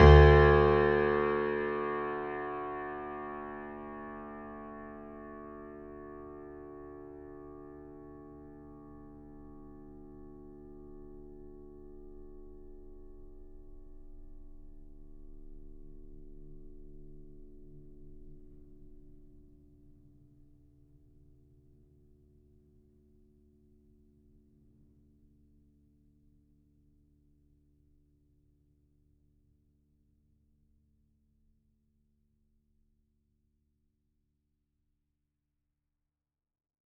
<region> pitch_keycenter=38 lokey=38 hikey=39 volume=0.453838 lovel=100 hivel=127 locc64=0 hicc64=64 ampeg_attack=0.004000 ampeg_release=0.400000 sample=Chordophones/Zithers/Grand Piano, Steinway B/NoSus/Piano_NoSus_Close_D2_vl4_rr1.wav